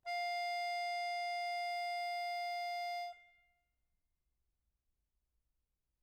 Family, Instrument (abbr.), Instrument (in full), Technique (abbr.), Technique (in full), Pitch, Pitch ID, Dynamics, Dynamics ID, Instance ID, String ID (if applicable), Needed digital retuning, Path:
Keyboards, Acc, Accordion, ord, ordinario, F5, 77, mf, 2, 3, , FALSE, Keyboards/Accordion/ordinario/Acc-ord-F5-mf-alt3-N.wav